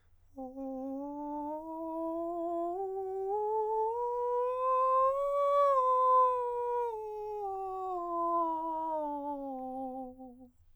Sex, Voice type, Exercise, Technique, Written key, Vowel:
male, countertenor, scales, breathy, , o